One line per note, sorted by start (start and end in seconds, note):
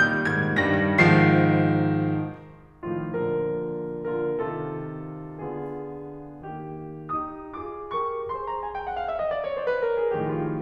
0.00 0.22 A#2
0.00 0.22 D#3
0.00 0.22 G3
0.00 0.22 G6
0.23 0.56 G2
0.23 0.56 D#3
0.23 0.56 G3
0.23 0.56 G#6
0.57 1.00 G2
0.57 1.00 D#3
0.57 1.00 G3
0.57 1.00 A#6
1.01 2.04 G#2
1.01 2.04 D#3
1.01 2.04 F3
1.01 2.04 C7
2.82 3.12 A2
2.82 3.12 D#3
2.82 3.12 F3
2.82 3.12 F4
3.16 3.76 A#2
3.16 3.76 D3
3.16 3.76 F3
3.16 3.76 F4
3.16 3.76 A#4
4.06 4.40 A#2
4.06 4.40 D3
4.06 4.40 F4
4.06 4.40 A#4
4.42 5.36 C3
4.42 5.36 D#3
4.42 5.36 F4
4.42 5.36 A4
5.38 6.55 D3
5.38 6.55 B3
5.38 6.55 F4
5.38 6.55 G#4
6.56 6.90 D#3
6.56 6.90 A#3
6.56 6.90 G4
6.91 7.52 D#4
6.91 7.52 G4
6.91 7.52 D#6
7.53 7.84 F4
7.53 7.84 G#4
7.53 7.84 D6
7.85 8.32 G4
7.85 8.32 A#4
7.85 8.32 C#6
8.34 8.84 G#4
8.34 8.84 C5
8.34 8.46 C6
8.48 8.59 A#5
8.60 8.72 G#5
8.73 8.84 G5
8.84 8.93 F#5
8.94 9.06 F5
9.07 9.18 E5
9.18 9.25 D#5
9.26 9.38 D5
9.39 9.51 C#5
9.52 9.68 C5
9.69 9.85 B4
9.87 9.98 A#4
10.00 10.21 G#4
10.22 10.61 A2
10.22 10.61 D#3
10.22 10.61 F3
10.22 10.37 G4
10.38 10.61 F4